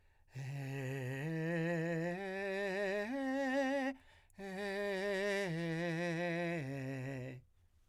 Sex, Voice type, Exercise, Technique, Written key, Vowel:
male, , arpeggios, breathy, , e